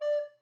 <region> pitch_keycenter=74 lokey=74 hikey=75 tune=-8 volume=13.785405 offset=113 ampeg_attack=0.004000 ampeg_release=10.000000 sample=Aerophones/Edge-blown Aerophones/Baroque Alto Recorder/Staccato/AltRecorder_Stac_D4_rr1_Main.wav